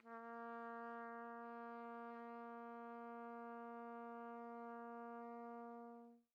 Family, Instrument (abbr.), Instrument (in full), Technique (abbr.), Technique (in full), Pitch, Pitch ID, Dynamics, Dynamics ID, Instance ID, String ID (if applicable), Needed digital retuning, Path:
Brass, TpC, Trumpet in C, ord, ordinario, A#3, 58, pp, 0, 0, , FALSE, Brass/Trumpet_C/ordinario/TpC-ord-A#3-pp-N-N.wav